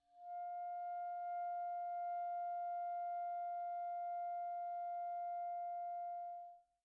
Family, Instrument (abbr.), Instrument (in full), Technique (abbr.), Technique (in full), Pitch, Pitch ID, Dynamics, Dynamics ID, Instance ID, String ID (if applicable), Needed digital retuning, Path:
Winds, ClBb, Clarinet in Bb, ord, ordinario, F5, 77, pp, 0, 0, , FALSE, Winds/Clarinet_Bb/ordinario/ClBb-ord-F5-pp-N-N.wav